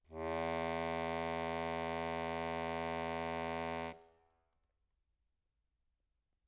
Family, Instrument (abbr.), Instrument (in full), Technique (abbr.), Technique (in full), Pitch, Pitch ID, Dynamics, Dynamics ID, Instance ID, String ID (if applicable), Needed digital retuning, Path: Keyboards, Acc, Accordion, ord, ordinario, E2, 40, mf, 2, 0, , FALSE, Keyboards/Accordion/ordinario/Acc-ord-E2-mf-N-N.wav